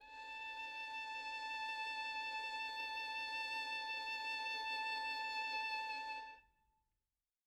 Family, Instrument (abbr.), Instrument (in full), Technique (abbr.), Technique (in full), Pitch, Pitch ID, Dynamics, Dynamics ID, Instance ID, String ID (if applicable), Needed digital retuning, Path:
Strings, Vn, Violin, ord, ordinario, A5, 81, mf, 2, 2, 3, FALSE, Strings/Violin/ordinario/Vn-ord-A5-mf-3c-N.wav